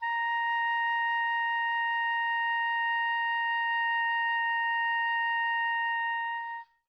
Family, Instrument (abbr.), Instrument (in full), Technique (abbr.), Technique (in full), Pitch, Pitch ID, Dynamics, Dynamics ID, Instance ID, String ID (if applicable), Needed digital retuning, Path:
Winds, Ob, Oboe, ord, ordinario, A#5, 82, mf, 2, 0, , FALSE, Winds/Oboe/ordinario/Ob-ord-A#5-mf-N-N.wav